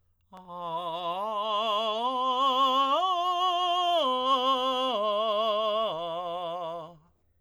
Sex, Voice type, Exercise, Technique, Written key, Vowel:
male, tenor, arpeggios, slow/legato piano, F major, a